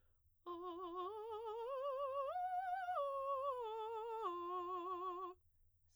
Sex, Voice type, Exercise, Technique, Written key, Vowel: female, soprano, arpeggios, slow/legato piano, F major, a